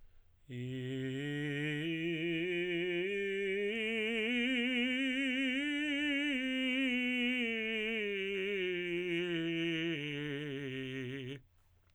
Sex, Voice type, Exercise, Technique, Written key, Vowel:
male, tenor, scales, slow/legato piano, C major, i